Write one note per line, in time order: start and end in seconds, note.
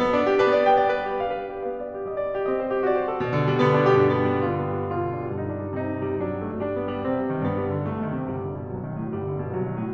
0.00 0.55 B3
0.13 0.44 D4
0.33 1.22 G4
0.44 1.22 D4
0.44 0.55 B4
0.55 1.22 B3
0.55 0.67 D5
0.67 2.09 G3
0.67 0.80 G5
0.80 0.96 D5
0.96 1.09 B4
1.09 1.22 G4
1.22 1.67 D4
1.22 1.36 F5
1.36 1.51 D5
1.51 1.67 G4
1.67 1.85 F5
1.86 1.97 D5
1.97 2.09 G4
2.10 3.22 G3
2.10 2.26 D#5
2.26 2.38 D5
2.39 2.48 G4
2.48 2.84 C4
2.48 2.62 D#5
2.64 2.75 C5
2.75 2.84 G4
2.86 3.22 F#4
2.86 2.98 D5
2.98 3.09 C5
3.10 3.22 A4
3.22 3.76 B2
3.36 3.60 D3
3.48 6.79 G3
3.61 4.40 D3
3.61 3.76 B3
3.76 4.40 B2
3.76 3.90 D4
3.91 5.33 G2
3.91 4.03 G4
4.03 4.16 D4
4.17 4.27 B3
4.27 4.40 G3
4.42 4.91 D3
4.42 4.57 F4
4.57 4.74 B3
4.74 4.91 G3
4.91 5.03 F4
5.03 5.18 D4
5.18 5.33 G3
5.33 6.79 G2
5.33 5.46 D#4
5.46 5.61 D4
5.61 5.75 G3
5.75 6.19 C3
5.75 5.87 D#4
5.87 6.04 C4
6.05 6.19 G3
6.19 6.57 F#3
6.19 6.32 D4
6.33 6.44 C4
6.44 6.57 A3
6.58 6.72 D4
6.72 6.86 B3
6.87 7.02 G3
7.02 7.52 C3
7.02 7.24 C4
7.26 7.38 G3
7.38 7.52 D#3
7.53 7.86 G2
7.53 7.66 B3
7.66 7.77 G3
7.78 7.86 D3
7.86 8.30 C2
7.86 8.02 A3
8.05 8.17 D#3
8.17 8.30 C3
8.30 8.72 G1
8.30 8.43 G3
8.43 8.56 D3
8.57 8.72 B2
8.72 9.13 C2
8.72 8.84 F#3
8.85 8.96 D#3
8.96 9.13 A2
9.14 9.57 G1
9.14 9.30 G3
9.30 9.43 D3
9.43 9.57 B2
9.57 9.94 C2
9.57 9.69 F#3
9.69 9.81 D#3
9.81 9.94 A2